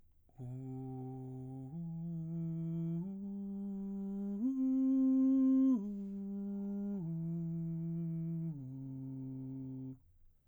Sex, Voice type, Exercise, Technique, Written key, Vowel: male, baritone, arpeggios, breathy, , u